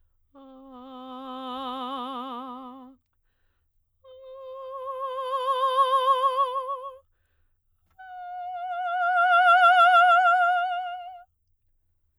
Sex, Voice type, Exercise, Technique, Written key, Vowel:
female, soprano, long tones, messa di voce, , a